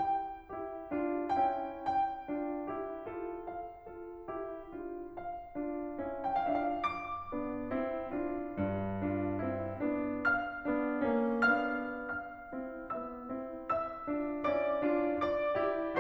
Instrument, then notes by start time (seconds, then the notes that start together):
piano
0.01 G5
0.53 E4 G4
0.92 D4 F4
1.34 C#4 E4 G5
1.68 G5
2.33 D4 F4
2.66 E4 G4
3.01 F4 A4
3.48 F5
3.92 F4 A4
4.28 E4 G4
4.73 D4 F4
5.16 F5
5.57 D4 F4
6.08 C#4 E4 G5
6.25 F5
6.44 D4 F4 E5
6.67 F5
6.89 D6
7.34 B3 D4
7.74 C4 E4
8.12 D4 F4
8.59 G2
9.00 D4 F4
9.43 C4 E4
9.82 B3 D4
10.25 F5 F6
10.66 B3 D4
11.08 A#3 C#4
11.48 B3 D4 F5 F6
12.15 F5 F6
12.57 C4 E4
12.93 B3 D#4 E5 E6
13.31 C4 E4
13.66 E5 E6
14.07 D4 F4
14.43 C#4 E4 D5 D6
14.88 D4 F4
15.26 D5 D6
15.63 E4 G4